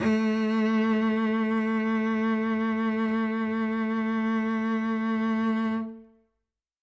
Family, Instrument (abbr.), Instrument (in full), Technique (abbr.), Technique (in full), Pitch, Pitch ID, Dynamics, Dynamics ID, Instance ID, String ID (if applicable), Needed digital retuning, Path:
Strings, Vc, Cello, ord, ordinario, A3, 57, ff, 4, 3, 4, FALSE, Strings/Violoncello/ordinario/Vc-ord-A3-ff-4c-N.wav